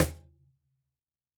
<region> pitch_keycenter=60 lokey=60 hikey=60 volume=0.808487 lovel=66 hivel=99 seq_position=2 seq_length=2 ampeg_attack=0.004000 ampeg_release=30.000000 sample=Idiophones/Struck Idiophones/Cajon/Cajon_hit1_f_rr2.wav